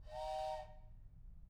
<region> pitch_keycenter=62 lokey=62 hikey=62 volume=15.000000 ampeg_attack=0.004000 ampeg_release=30.000000 sample=Aerophones/Edge-blown Aerophones/Train Whistle, Toy/Main_TrainLow_Med-001.wav